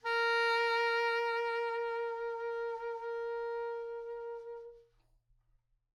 <region> pitch_keycenter=70 lokey=69 hikey=71 tune=4 volume=14.978230 offset=1055 ampeg_attack=0.004000 ampeg_release=0.500000 sample=Aerophones/Reed Aerophones/Tenor Saxophone/Vibrato/Tenor_Vib_Main_A#3_var3.wav